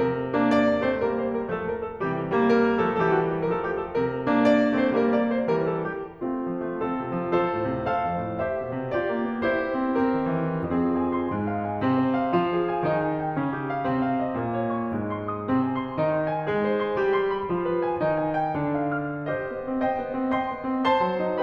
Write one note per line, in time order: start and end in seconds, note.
0.00 2.00 C3
0.00 0.30 G3
0.00 0.30 A#3
0.00 0.30 A#4
0.30 0.80 A#3
0.30 0.80 D4
0.44 0.80 D5
0.80 1.02 A3
0.80 1.02 C4
0.80 1.02 C5
1.02 1.54 G3
1.02 1.54 A#3
1.02 1.20 A#4
1.20 1.36 C5
1.37 1.54 A#4
1.54 2.00 F3
1.54 2.00 A3
1.54 1.72 A4
1.72 1.83 A#4
1.83 2.00 A4
2.00 3.95 C3
2.00 2.30 G4
2.30 2.87 G3
2.30 2.87 A#3
2.46 2.87 A#4
2.87 3.00 F3
2.87 3.00 A3
2.87 3.00 A4
3.01 3.49 E3
3.01 3.49 G3
3.01 3.18 G4
3.01 3.04 A4
3.18 3.32 F#4
3.32 3.49 G4
3.49 3.95 F3
3.49 3.95 A3
3.49 3.54 A#4
3.54 3.67 A4
3.67 3.80 G4
3.81 3.95 A4
3.95 6.23 C3
3.95 4.27 G3
3.95 4.27 A#3
3.95 4.27 A#4
4.27 4.77 A#3
4.27 4.77 D4
4.41 4.77 D5
4.77 4.92 A3
4.77 4.92 C4
4.77 4.92 C5
4.92 5.48 G3
4.92 5.48 A#3
4.92 5.13 A#4
5.13 5.31 D5
5.32 5.48 C5
5.48 6.23 E3
5.48 6.23 G3
5.48 5.70 A#4
5.70 5.92 A4
5.92 6.23 G4
6.23 6.84 A3
6.23 6.84 C4
6.23 6.84 F4
6.47 6.68 F3
6.68 6.84 A3
6.85 7.37 C4
6.85 7.37 F4
6.85 7.37 A4
7.02 7.21 C3
7.21 7.37 F3
7.37 7.89 F4
7.37 7.89 A4
7.37 7.89 C5
7.55 7.74 A2
7.76 7.89 C3
7.91 8.42 A4
7.91 8.42 C5
7.91 8.42 F5
8.07 8.23 F2
8.23 8.42 A2
8.42 8.95 G4
8.42 8.95 C5
8.42 8.95 E5
8.60 8.74 B2
8.75 8.95 C3
8.95 9.44 F4
8.95 9.44 G4
8.95 9.44 D5
9.09 9.25 A#3
9.25 9.44 B3
9.45 9.93 E4
9.45 9.93 G4
9.45 9.93 C5
9.59 9.76 B3
9.76 9.93 C4
9.93 10.66 C4
9.93 10.66 G4
9.93 10.66 A#4
10.18 10.38 D#3
10.39 10.66 E3
10.67 11.30 F2
10.67 11.30 F3
10.67 10.87 C4
10.67 10.87 F4
10.67 10.87 G#4
10.87 11.11 G#5
11.11 11.30 C6
11.30 11.82 G#2
11.30 11.82 G#3
11.46 11.66 F5
11.67 11.82 G#5
11.82 12.41 C3
11.82 12.41 C4
11.99 12.18 C5
12.18 12.41 F5
12.42 12.95 F3
12.42 12.95 F4
12.62 12.76 G#4
12.76 12.95 G#5
12.95 13.41 D#3
12.95 13.41 D#4
13.11 13.22 G#5
13.24 13.41 G5
13.42 13.85 C#3
13.42 13.85 C#4
13.57 13.70 G4
13.70 13.85 F5
13.85 14.37 C3
13.85 14.37 C4
14.07 14.22 F5
14.23 14.37 D#5
14.37 14.87 A#2
14.37 14.87 A#3
14.55 14.70 C#5
14.70 14.87 C#6
14.88 15.45 G#2
14.88 15.45 G#3
15.07 15.27 C6
15.27 15.45 D#6
15.45 16.00 C3
15.45 16.00 C4
15.64 15.82 G#5
15.84 16.00 C6
16.01 16.45 D#3
16.01 16.45 D#4
16.17 16.28 D#5
16.28 16.45 G#5
16.45 16.97 G#3
16.45 16.97 G#4
16.65 16.79 C5
16.80 16.97 C6
16.97 17.48 G3
16.97 17.48 G4
17.14 17.32 C6
17.32 17.48 B5
17.50 18.02 F3
17.50 18.02 F4
17.69 17.82 B4
17.82 18.02 G#5
18.02 18.55 D#3
18.02 18.55 D#4
18.20 18.36 G#5
18.38 18.55 G5
18.56 19.26 D3
18.56 19.26 D4
18.80 19.03 F5
19.03 19.26 F6
19.26 19.83 G4
19.26 19.83 C5
19.26 19.83 D#5
19.46 19.64 B3
19.67 19.83 C4
19.83 20.36 C5
19.83 20.36 D#5
19.83 20.36 G5
19.98 20.15 B3
20.15 20.36 C4
20.38 20.87 D#5
20.38 20.87 G5
20.38 20.87 C6
20.55 20.70 B3
20.70 20.87 C4
20.87 21.42 C5
20.87 21.42 A5
20.87 21.42 C6
21.04 21.25 F#3
21.26 21.42 D#4